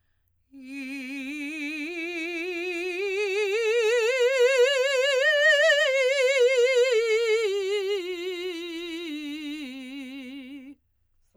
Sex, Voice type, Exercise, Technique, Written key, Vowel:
female, soprano, scales, slow/legato forte, C major, i